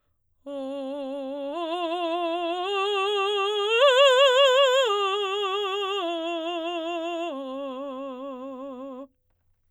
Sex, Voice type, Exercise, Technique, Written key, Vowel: female, soprano, arpeggios, vibrato, , o